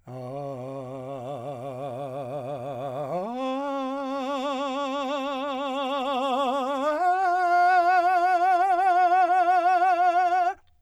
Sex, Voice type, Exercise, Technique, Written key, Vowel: male, , long tones, trill (upper semitone), , a